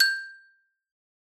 <region> pitch_keycenter=79 lokey=76 hikey=81 volume=3.385382 lovel=84 hivel=127 ampeg_attack=0.004000 ampeg_release=15.000000 sample=Idiophones/Struck Idiophones/Xylophone/Hard Mallets/Xylo_Hard_G5_ff_01_far.wav